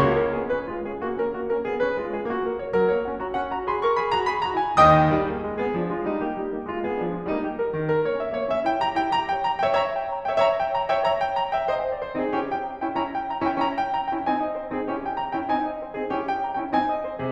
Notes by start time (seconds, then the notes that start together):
0.00 A#3 F#4
0.19 C#4 A#4
0.38 B3 G#4
0.51 C#4 B4
0.68 G#3 F4
0.87 C#4 G#4
1.03 A#3 F#4
1.18 C#4 A#4
1.39 A#3 F#4
1.56 C#4 A#4
1.70 B3 G#4
1.83 C#4 B4
2.01 G#3 F4
2.17 C#4 G#4
2.39 A#3 F#4
2.53 A#4
2.67 C#5
2.77 F#3 A#4
2.93 A#3 C#5
3.05 C#4 F#5
3.20 F#4 A#5
3.31 C#4 F#5
3.46 F#4 A#5
3.63 G#4 B5
3.81 A#4 C#6
3.97 G#4 B5
4.13 F#4 A#5
4.28 G#4 B5
4.45 F#4 A#5
4.61 F4 G#5
4.78 D#2 D#3 D#5 G5 D#6
5.13 G3 D#4
5.27 A#3 G4
5.42 G#3 F4
5.60 B3 G#4
5.78 F3 D4
5.96 G#3 F4
6.01 G3 D#4
6.18 A#3 G4
6.34 G3 D#4
6.50 A#3 G4
6.66 G#3 F4
6.82 B3 G#4
7.01 F3 D4
7.16 G#3 F4
7.26 G3 A#3 D#4
7.40 G4
7.56 A#4
7.72 D#3 G4
7.89 G3 A#4
8.01 A#3 C#5
8.19 C#4 E5
8.37 A#3 C#5
8.52 C#4 E5
8.66 E4 G5
8.84 G4 A#5
9.02 E4 G5
9.21 G4 A#5
9.38 A#4 G5
9.50 C#5 A#5
9.66 G5
9.74 C#5 E5
9.82 C#5 E5 A#5
9.95 G5
10.11 A#5
10.27 G5
10.36 C#5 E5
10.45 C#5 E5 A#5
10.60 G5
10.76 A#5
10.90 G5
10.99 C#5 E5
11.08 C#5 E5 A#5
11.24 G5
11.41 A#5
11.55 G5
11.62 C#5 E5
11.73 C5 D#5 G#5
11.85 D#5
12.02 C5
12.19 G#4
12.27 C4 D#4
12.34 C#4 E4 G4
12.49 G5
12.65 A#5
12.83 G5
12.91 C#4 E4
13.00 C#4 E4 A#5
13.14 G5
13.33 A#5
13.46 G5
13.54 C#4 E4
13.62 C#4 E4 A#5
13.77 G5
13.89 A#5
14.07 G5
14.16 C#4 E4
14.26 C4 D#4 G#5
14.43 D#5
14.56 C5
14.71 G#4
14.79 C4 D#4
14.85 C#4 E4 G4
15.00 G5
15.16 A#5
15.31 G5
15.41 C#4 E4
15.49 C4 D#4 G#5
15.64 D#5
15.82 C5
16.00 G#4
16.06 C4 D#4
16.13 C#4 E4 G4
16.24 G5
16.39 A#5
16.56 G5
16.63 C#4 E4
16.72 C4 D#4 G#5
16.88 D#5
17.06 C5
17.21 G#4
17.25 C3